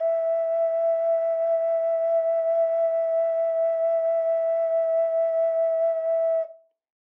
<region> pitch_keycenter=76 lokey=76 hikey=77 volume=4.915036 trigger=attack ampeg_attack=0.004000 ampeg_release=0.200000 sample=Aerophones/Edge-blown Aerophones/Ocarina, Typical/Sustains/SusVib/StdOcarina_SusVib_E4.wav